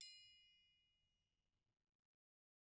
<region> pitch_keycenter=69 lokey=69 hikey=69 volume=24.363666 offset=178 lovel=0 hivel=83 seq_position=2 seq_length=2 ampeg_attack=0.004000 ampeg_release=30.000000 sample=Idiophones/Struck Idiophones/Triangles/Triangle6_Hit_v1_rr2_Mid.wav